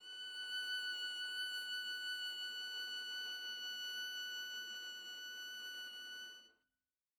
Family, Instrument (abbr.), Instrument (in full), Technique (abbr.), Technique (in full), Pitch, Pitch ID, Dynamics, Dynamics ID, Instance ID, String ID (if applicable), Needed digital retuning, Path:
Strings, Va, Viola, ord, ordinario, F#6, 90, mf, 2, 0, 1, FALSE, Strings/Viola/ordinario/Va-ord-F#6-mf-1c-N.wav